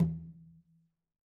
<region> pitch_keycenter=61 lokey=61 hikey=61 volume=16.976001 lovel=100 hivel=127 seq_position=1 seq_length=2 ampeg_attack=0.004000 ampeg_release=15.000000 sample=Membranophones/Struck Membranophones/Conga/Conga_HitN_v3_rr1_Sum.wav